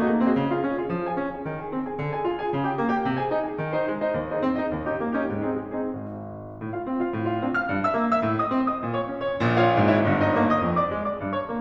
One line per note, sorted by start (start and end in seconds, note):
0.00 0.13 A3
0.00 0.28 D#4
0.00 0.28 F#4
0.00 0.28 G#4
0.00 0.28 D#5
0.14 0.28 A#3
0.29 0.36 C4
0.29 0.49 D#4
0.29 0.49 F#4
0.29 0.49 G#4
0.29 0.49 D#5
0.37 0.62 C#3
0.50 0.75 F4
0.50 0.75 G#4
0.50 0.75 F5
0.63 0.91 C#4
0.77 1.04 F4
0.77 1.04 G#4
0.77 1.04 F5
0.92 1.16 F3
1.06 1.31 G#4
1.06 1.31 G#5
1.17 1.46 C#4
1.34 1.60 G#4
1.34 1.60 G#5
1.47 1.74 D#3
1.61 1.88 G#4
1.61 1.88 G#5
1.75 1.97 C4
1.88 2.12 G#4
1.88 2.12 G#5
1.99 2.25 D3
2.14 2.39 G#4
2.14 2.39 G#5
2.26 2.48 F4
2.40 2.62 G#4
2.40 2.62 G#5
2.50 2.77 C#3
2.64 2.90 G4
2.64 2.90 G5
2.79 3.02 A#3
2.91 3.17 G4
2.91 3.17 G5
3.04 3.30 C3
3.18 3.45 G#4
3.18 3.45 G#5
3.31 3.59 D#4
3.46 3.73 G#4
3.46 3.73 G#5
3.60 3.88 D#3
3.75 3.99 D#4
3.75 3.99 C5
3.75 3.99 D#5
3.89 4.13 G#3
4.01 4.28 D#4
4.01 4.28 C5
4.01 4.28 D#5
4.14 4.41 D#2
4.28 4.59 D#4
4.28 4.59 G#4
4.28 4.59 C5
4.28 4.59 D#5
4.42 4.71 C4
4.61 4.86 D#4
4.61 4.86 G#4
4.61 4.86 C5
4.61 4.86 D#5
4.74 4.99 D#2
4.88 5.15 C#4
4.88 5.15 D#4
4.88 5.15 G4
4.99 5.26 A#3
5.17 5.48 C#4
5.17 5.48 D#4
5.17 5.48 G4
5.27 5.63 G#2
5.49 5.80 C4
5.49 5.80 D#4
5.49 5.80 G#4
5.64 5.94 G#3
5.82 6.10 C4
5.82 6.10 D#4
5.82 6.10 G#4
5.96 6.58 G#1
6.59 6.85 A2
6.75 7.00 F4
6.75 7.00 F5
6.86 7.11 C4
7.01 7.23 F4
7.01 7.23 F5
7.11 7.36 A2
7.24 7.52 F4
7.24 7.52 F5
7.37 7.66 C4
7.53 7.79 F5
7.53 7.79 F6
7.67 7.94 G2
7.80 8.12 E5
7.80 8.12 E6
7.95 8.28 A#3
8.13 8.41 E5
8.13 8.41 E6
8.29 8.53 A2
8.41 8.68 D#5
8.41 8.68 D#6
8.54 8.80 C4
8.70 8.90 D#5
8.70 8.90 D#6
8.80 9.01 A#2
8.92 9.10 C#5
8.92 9.10 C#6
9.02 9.17 C#4
9.11 9.25 C#5
9.11 9.25 C#6
9.17 9.26 C#3
9.25 9.50 F4
9.25 9.38 A#4
9.25 9.38 A#5
9.39 9.58 A#4
9.39 9.58 A#5
9.51 9.71 A#1
9.51 9.71 A#2
9.59 9.85 F4
9.59 9.85 C#5
9.59 9.85 F5
9.72 10.00 G#1
9.72 10.00 G#2
9.86 10.12 E4
9.86 10.12 C#5
9.86 10.12 E5
10.01 10.29 G1
10.01 10.29 G2
10.14 10.43 D#4
10.14 10.43 C#5
10.14 10.43 D#5
10.30 10.59 A#3
10.44 10.73 D#5
10.44 10.73 D#6
10.60 10.89 F2
10.74 11.03 D5
10.74 11.03 D6
10.90 11.18 G#3
11.04 11.30 D5
11.04 11.30 D6
11.19 11.45 G#2
11.31 11.60 C#5
11.31 11.60 C#6
11.47 11.61 A#3